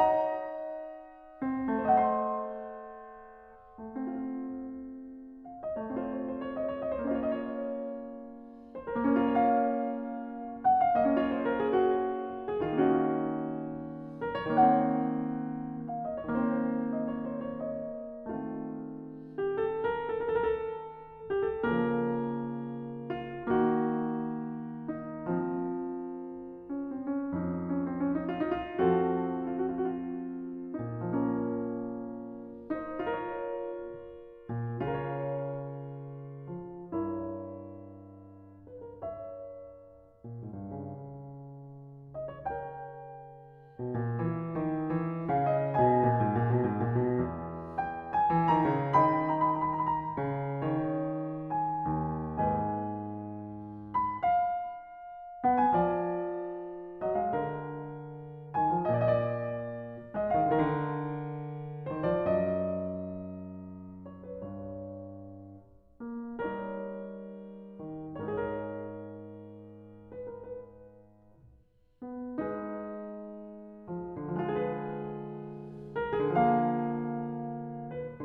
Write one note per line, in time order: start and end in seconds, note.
0.00 1.43 D#4
0.00 1.85 C#5
0.05 1.85 D#5
0.09 1.85 F#5
0.14 1.85 A#5
1.43 1.88 C4
1.57 3.69 A3
1.88 4.09 C5
1.93 4.09 D#5
1.97 4.09 F#5
2.03 4.09 C6
3.74 5.71 A3
3.80 5.71 C4
3.85 5.71 F4
5.41 5.65 F5
5.65 5.92 D#5
5.79 7.21 A3
5.86 7.21 C4
5.91 7.21 F4
5.91 6.11 C#5
6.11 6.25 C5
6.25 6.42 C#5
6.42 6.58 C5
6.58 6.72 C#5
6.72 6.93 D#5
6.93 7.12 C5
7.12 7.31 D#5
7.26 8.89 A#3
7.26 8.89 C#4
7.31 8.89 F4
7.31 7.50 C5
7.50 7.57 D#5
7.56 7.63 C#5
7.63 7.73 C#5
7.63 7.66 D#5
7.73 7.80 D#5
7.80 8.77 C#5
8.77 9.04 C5
8.94 10.95 A#3
9.04 10.95 C#4
9.04 9.31 A#4
9.13 10.95 F4
9.31 10.34 A#4
9.36 10.34 C#5
9.36 10.62 F5
10.62 10.80 F#5
10.80 11.03 F5
10.99 12.57 A#3
10.99 12.57 C#4
10.99 11.19 D#5
11.05 12.57 F4
11.19 11.40 C#5
11.40 11.60 C5
11.60 11.77 A#4
11.77 11.96 G#4
11.96 12.41 F#4
12.41 12.62 G#4
12.62 14.36 D#3
12.62 12.83 F4
12.67 14.36 A#3
12.67 14.36 C#4
12.83 13.80 D#4
12.88 14.23 F#4
14.23 14.40 A#4
14.40 16.18 D#3
14.40 14.56 C#5
14.47 16.18 A#3
14.47 16.18 C4
14.56 15.85 F#5
15.85 16.03 F5
16.03 16.18 D#5
16.18 16.39 C#5
16.23 18.23 D#3
16.28 18.23 A#3
16.32 18.23 C4
16.39 17.09 C5
17.09 17.22 D#5
17.22 17.35 C#5
17.35 17.60 C5
17.60 17.83 C#5
17.83 18.44 D#5
18.27 21.54 D#3
18.34 21.54 A3
18.39 21.54 C4
18.44 19.30 F4
19.38 19.62 G4
19.62 19.76 A4
19.76 19.84 A#4
19.83 19.97 A4
19.97 20.15 A#4
20.09 20.28 A4
20.28 20.72 A#4
20.47 20.85 A4
20.85 20.98 G4
20.98 21.47 A4
21.47 21.58 G4
21.58 23.42 C#3
21.58 21.71 A4
21.64 23.42 F3
21.70 23.42 A#3
21.70 28.85 A#4
23.08 23.59 F4
23.46 25.23 D#3
23.46 25.23 A#3
23.59 24.93 F#4
24.93 25.48 D#4
25.32 27.30 F3
25.48 26.76 C4
26.76 26.97 C#4
26.97 27.16 C4
27.16 27.43 C#4
27.35 28.76 F2
27.35 28.76 F3
27.43 27.65 D#4
27.65 27.86 C#4
27.86 28.01 C4
28.01 28.14 C#4
28.14 28.28 D#4
28.28 28.42 F4
28.42 28.64 D#4
28.64 28.85 F4
28.82 30.91 F2
28.82 30.91 F3
28.82 31.05 C4
28.82 29.78 F#4
28.82 31.05 A4
29.80 29.88 F#4
29.88 30.00 F4
29.99 30.09 F#4
30.09 30.26 F4
30.24 30.36 F#4
30.36 30.44 F4
30.43 30.57 F#4
30.56 30.65 F4
30.77 31.05 D#4
30.96 32.98 A#2
30.96 32.98 F3
30.96 32.98 A#3
31.05 32.73 C#4
31.05 32.73 A#4
32.73 33.04 D#4
32.73 33.04 C5
33.04 34.82 F4
33.09 34.82 A#4
33.13 34.82 C#5
34.33 34.80 A#2
34.80 36.48 C#3
34.86 36.94 F4
34.92 36.94 A#4
34.98 36.94 C#5
36.48 36.88 F3
36.88 40.15 G2
37.00 38.55 E4
37.00 38.55 A#4
37.00 38.55 C#5
38.55 38.80 B4
38.80 39.00 A#4
39.00 42.16 A#4
39.00 42.16 C#5
39.00 42.16 E5
40.15 40.39 A#2
40.39 40.55 G#2
40.55 40.76 G2
40.76 43.77 C#3
42.16 42.31 D#5
42.31 42.46 C#5
42.46 45.40 A#4
42.46 45.40 C#5
42.46 45.40 G5
43.77 43.96 B2
43.96 44.21 A#2
44.21 44.52 E3
44.52 44.90 D#3
44.90 45.28 E3
45.28 45.75 C#3
45.40 45.64 F5
45.64 45.86 D#5
45.75 45.95 B2
45.86 47.33 B4
45.86 47.33 D#5
45.86 47.79 G#5
45.95 46.15 A#2
46.15 46.37 G#2
46.37 46.49 A#2
46.49 46.64 B2
46.64 46.86 G#2
46.86 47.02 A#2
47.02 47.22 B2
47.22 48.29 E2
47.79 48.15 G5
48.15 48.60 G#5
48.29 48.52 E3
48.52 48.73 D#3
48.60 48.96 A#5
48.73 48.90 C#3
48.90 50.22 D#3
49.06 50.77 D#5
49.06 52.40 G5
49.06 49.12 B5
49.12 49.21 A#5
49.21 49.33 B5
49.33 49.39 A#5
49.39 49.46 B5
49.46 51.56 A#5
50.22 50.68 C#3
50.68 51.84 D#3
50.77 52.40 C#5
51.56 52.40 G#5
51.84 52.30 D#2
52.30 54.13 G#2
52.40 53.77 B4
52.40 53.77 D#5
52.40 53.77 G#5
53.77 54.24 B5
54.24 55.48 F5
55.40 55.70 B3
55.48 55.64 F#5
55.64 55.80 G#5
55.70 56.98 F3
55.80 57.09 D5
56.98 57.16 F#3
57.09 57.24 D#5
57.16 57.31 G#3
57.24 57.41 F5
57.31 58.46 D3
57.41 58.55 A#4
58.46 58.67 D#3
58.55 59.03 G#5
58.67 58.90 F3
58.90 60.12 A#2
59.03 60.19 D5
60.12 60.37 G#3
60.19 60.30 D#5
60.30 60.49 F5
60.37 61.79 D3
60.49 61.90 A#4
61.79 62.01 D#3
61.90 62.11 C5
62.01 62.26 F3
62.11 62.51 D5
62.26 64.39 F#2
62.51 64.04 D#5
64.04 64.24 C#5
64.24 64.54 B4
64.39 65.99 G2
64.54 66.55 C#5
65.99 66.42 A#3
66.42 67.78 G3
66.55 68.27 D#4
66.55 68.27 A#4
66.55 68.27 C#5
67.78 68.24 D#3
68.24 70.40 G#2
68.37 70.04 D#4
68.37 70.04 A#4
68.37 70.04 C#5
70.04 70.28 B4
70.28 70.53 A#4
70.53 72.49 B4
72.02 72.40 B3
72.40 73.78 G#3
72.49 74.37 D#4
72.49 74.37 G#4
72.57 74.37 B4
73.78 74.20 F3
74.26 76.18 D3
74.30 76.18 F3
74.39 76.18 G#3
74.43 75.93 F4
74.50 75.93 G#4
74.57 75.93 B4
75.93 76.16 A#4
76.16 76.37 G#4
76.23 78.22 C#3
76.29 78.22 F3
76.35 78.22 A#3
76.35 77.93 F5
77.93 78.25 B4